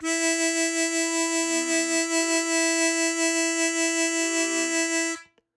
<region> pitch_keycenter=64 lokey=63 hikey=65 tune=1 volume=5.291799 trigger=attack ampeg_attack=0.004000 ampeg_release=0.100000 sample=Aerophones/Free Aerophones/Harmonica-Hohner-Super64/Sustains/Vib/Hohner-Super64_Vib_E3.wav